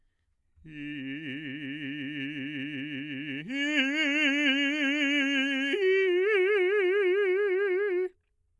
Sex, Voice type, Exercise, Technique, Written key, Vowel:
male, bass, long tones, trill (upper semitone), , i